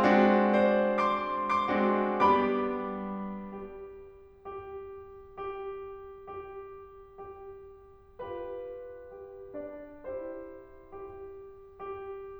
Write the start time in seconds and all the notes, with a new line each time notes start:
0.01 G#3 C4 D4 F#4
0.53 C5 D5
1.00 C6 D6
1.45 C6 D6
1.71 G#3 C4 D4 F#4
2.23 G3 B3 D4 G4 B5 D6
3.72 G4
4.64 G4
5.54 G4
6.24 G4
6.98 G4
8.27 F4 G4 B4
9.18 G4
9.58 D4 D5
10.05 E4 G4 C5
10.92 G4
11.66 G4